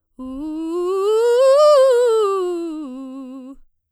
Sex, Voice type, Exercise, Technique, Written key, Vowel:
female, soprano, scales, fast/articulated forte, C major, u